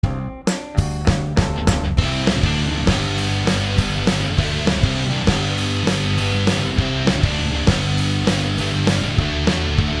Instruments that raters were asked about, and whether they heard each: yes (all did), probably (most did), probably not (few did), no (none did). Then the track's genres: accordion: no
cymbals: yes
cello: no
trumpet: no
Pop; Noise; Indie-Rock; Power-Pop